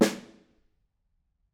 <region> pitch_keycenter=61 lokey=61 hikey=61 volume=6.269661 offset=217 lovel=94 hivel=110 seq_position=1 seq_length=2 ampeg_attack=0.004000 ampeg_release=15.000000 sample=Membranophones/Struck Membranophones/Snare Drum, Modern 1/Snare2_HitSN_v7_rr1_Mid.wav